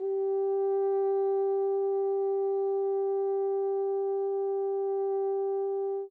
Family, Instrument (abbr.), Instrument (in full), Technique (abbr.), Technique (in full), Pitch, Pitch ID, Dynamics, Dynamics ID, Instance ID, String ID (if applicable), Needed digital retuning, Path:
Brass, Hn, French Horn, ord, ordinario, G4, 67, mf, 2, 0, , FALSE, Brass/Horn/ordinario/Hn-ord-G4-mf-N-N.wav